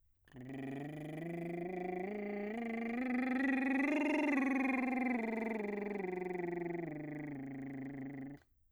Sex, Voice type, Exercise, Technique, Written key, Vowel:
male, bass, scales, lip trill, , u